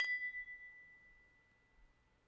<region> pitch_keycenter=83 lokey=83 hikey=83 tune=-12 volume=18.040228 offset=1841 lovel=66 hivel=99 ampeg_attack=0.004000 ampeg_release=30.000000 sample=Idiophones/Struck Idiophones/Tubular Glockenspiel/B0_medium1.wav